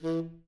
<region> pitch_keycenter=52 lokey=52 hikey=53 tune=10 volume=17.049388 lovel=0 hivel=83 ampeg_attack=0.004000 ampeg_release=1.500000 sample=Aerophones/Reed Aerophones/Tenor Saxophone/Staccato/Tenor_Staccato_Main_E2_vl1_rr2.wav